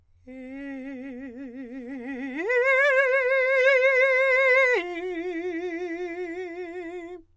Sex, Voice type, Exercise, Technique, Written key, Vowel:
male, countertenor, long tones, trill (upper semitone), , e